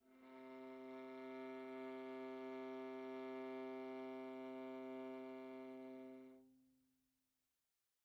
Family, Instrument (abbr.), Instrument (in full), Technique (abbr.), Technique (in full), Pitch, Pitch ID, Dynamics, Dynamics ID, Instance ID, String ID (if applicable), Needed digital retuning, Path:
Strings, Va, Viola, ord, ordinario, C3, 48, pp, 0, 3, 4, FALSE, Strings/Viola/ordinario/Va-ord-C3-pp-4c-N.wav